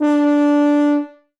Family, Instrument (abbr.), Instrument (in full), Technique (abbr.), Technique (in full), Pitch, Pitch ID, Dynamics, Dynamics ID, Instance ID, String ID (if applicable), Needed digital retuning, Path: Brass, BTb, Bass Tuba, ord, ordinario, D4, 62, ff, 4, 0, , FALSE, Brass/Bass_Tuba/ordinario/BTb-ord-D4-ff-N-N.wav